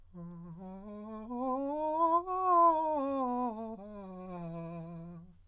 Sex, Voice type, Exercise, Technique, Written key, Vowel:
male, countertenor, scales, fast/articulated piano, F major, a